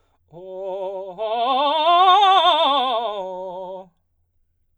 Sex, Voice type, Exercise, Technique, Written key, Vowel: male, baritone, scales, fast/articulated forte, F major, o